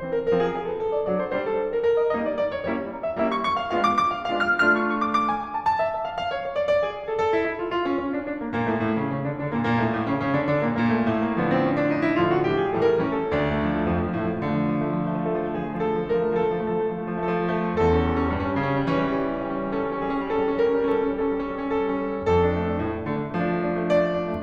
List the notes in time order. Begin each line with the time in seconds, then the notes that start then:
0.01 E3 C4 C5
0.12 A#4
0.24 F3 C4 A#4
0.35 G#4
0.48 G#4
0.62 A4
0.78 A4
0.91 D5
1.06 F#3 D4 D5
1.18 C5
1.31 G3 D4 C5
1.43 A4
1.54 A4
1.67 A#4
1.85 A#4
2.00 D#5
2.15 G3 A#3 D#4 D#5
2.27 D5
2.41 D5
2.54 C#5
2.68 G3 A#3 C#4 E4 C#5
2.83 A#5
2.94 A#5
3.02 E5
3.14 G3 A#3 C#4 E4 E5
3.24 C#6
3.36 C#6
3.55 F5
3.69 G#3 B3 D4 F4 F5
3.80 D6
3.91 D6
4.17 F5
4.32 G#3 B3 D4 F4 F5
4.46 F6
4.64 A3 D4 F4 F6
4.80 C#6
4.94 C#6
5.07 D6
5.18 D6
5.31 G#5
5.44 G#5
5.54 A5
5.68 A5
5.79 E5
5.94 E5
6.04 F5
6.17 F5
6.29 C#5
6.40 C#5
6.55 D5
6.67 D5
6.83 G#4
6.98 G#4
7.12 A4
7.25 A4
7.38 E4
7.49 E4
7.62 F4
7.75 F4
7.88 C#4
8.01 C#4
8.17 D4
8.27 D4
8.41 A#3
8.54 A#2 A#3
8.71 A2 A3
8.86 A2 A3
8.99 C#3 C#4
9.14 C#3 C#4
9.26 D3 D4
9.38 D3 D4
9.50 A#2 A#3
9.65 A#2 A#3
9.79 A2 A3
9.94 A2 A3
10.09 C#3 C#4
10.22 C#3 C#4
10.39 D3 D4
10.54 D3 D4
10.66 A#2 A#3
10.80 A#2 A#3
10.94 A2 A3
11.09 A#2 A3
11.22 A#3
11.37 D3 F3 B3
11.55 C4
11.66 C#4
11.79 D4
11.92 D#4
12.03 E4
12.15 A2 D3 F3 F4
12.28 F#4
12.41 A2 D3 F3 G4
12.61 G#4
12.74 A2 E3 G3 A4
12.92 A#4
13.04 A2 E3 G3 C#4
13.19 A4
13.38 D2 D4
13.53 A3
13.65 F3
13.75 A3
13.84 F3
13.93 A3
14.02 F2 F3
14.16 A3
14.25 F3
14.36 A2 A3
14.44 F3
14.52 A3
14.60 D3 F3
14.68 A3
14.76 F3
14.87 A3
14.95 F3
15.04 A3
15.15 F3
15.23 A3
15.31 F3
15.40 A3 A4
15.49 F3
15.57 A3
15.66 F3 G#4
15.73 A3
15.82 F3
15.90 A3 A4
15.99 F3
16.09 A3
16.19 F3 A#4
16.33 A3
16.45 F3
16.53 A3 A4
16.63 F3
16.70 A3
16.81 F3 A4
16.91 A3
16.97 F3
17.05 A3
17.14 F3
17.22 A3
17.29 F3 A4
17.37 A3
17.48 F3
17.56 A3
17.64 F3
17.72 A3
17.82 E2 A4
17.94 C#4
18.04 G3
18.14 C#4
18.22 G3
18.29 C#4
18.37 G2 G3
18.44 C#4
18.52 G3
18.58 C#3 C#4
18.66 G3
18.76 C#4
18.85 E3 G3
18.93 C#4
19.03 G3
19.19 C#4
19.28 G3
19.44 C#4
19.57 G3
19.66 C#4
19.78 G3
19.86 C#4 A4
19.93 G3
20.00 C#4
20.07 G3 G#4
20.15 C#4
20.22 G3
20.30 C#4 A4
20.44 G3
20.53 C#4
20.64 G3 A#4
20.79 C#4
20.89 G3
20.99 C#4 A4
21.08 G3
21.16 C#4
21.24 G3 A4
21.34 C#4
21.48 G3
21.57 C#4
21.67 G3
21.74 C#4
21.83 G3 A4
21.94 C#4
22.04 G3
22.13 C#4
22.23 G3
22.32 C#4
22.41 F2 A4
22.52 D4
22.59 A3
22.67 D4
22.75 A3
22.81 D4
22.89 A2 A3
22.97 D4
23.07 A3
23.16 D3 D4
23.25 A3
23.33 D4
23.42 F3 A3
23.52 D4
23.62 A3
23.70 D4
23.77 A3
23.85 D4
23.91 A3 D5
23.99 D4
24.08 A3
24.17 D4
24.25 A3
24.33 D4